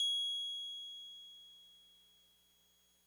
<region> pitch_keycenter=104 lokey=103 hikey=106 volume=21.245291 lovel=0 hivel=65 ampeg_attack=0.004000 ampeg_release=0.100000 sample=Electrophones/TX81Z/Piano 1/Piano 1_G#6_vl1.wav